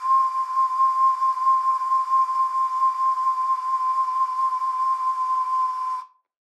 <region> pitch_keycenter=84 lokey=84 hikey=86 tune=-9 volume=1.380054 trigger=attack ampeg_attack=0.004000 ampeg_release=0.200000 sample=Aerophones/Edge-blown Aerophones/Ocarina, Typical/Sustains/SusVib/StdOcarina_SusVib_C5.wav